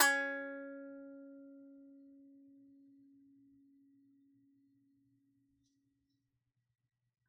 <region> pitch_keycenter=61 lokey=61 hikey=61 volume=-3.324223 lovel=100 hivel=127 ampeg_attack=0.004000 ampeg_release=15.000000 sample=Chordophones/Composite Chordophones/Strumstick/Finger/Strumstick_Finger_Str2_Main_C#3_vl3_rr1.wav